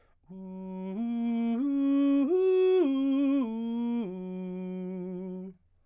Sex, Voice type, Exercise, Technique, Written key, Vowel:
male, baritone, arpeggios, slow/legato forte, F major, u